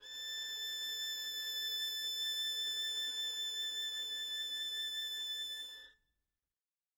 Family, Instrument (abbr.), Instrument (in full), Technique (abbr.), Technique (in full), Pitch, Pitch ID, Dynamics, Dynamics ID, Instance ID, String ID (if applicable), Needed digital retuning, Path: Strings, Vn, Violin, ord, ordinario, A6, 93, mf, 2, 0, 1, TRUE, Strings/Violin/ordinario/Vn-ord-A6-mf-1c-T11d.wav